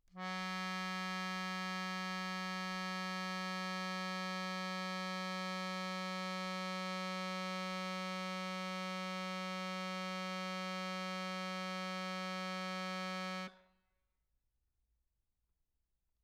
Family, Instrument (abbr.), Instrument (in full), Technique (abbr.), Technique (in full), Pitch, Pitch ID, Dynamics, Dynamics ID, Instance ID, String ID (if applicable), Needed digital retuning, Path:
Keyboards, Acc, Accordion, ord, ordinario, F#3, 54, mf, 2, 1, , FALSE, Keyboards/Accordion/ordinario/Acc-ord-F#3-mf-alt1-N.wav